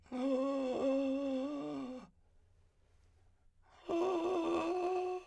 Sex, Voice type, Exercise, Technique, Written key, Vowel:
male, , long tones, inhaled singing, , a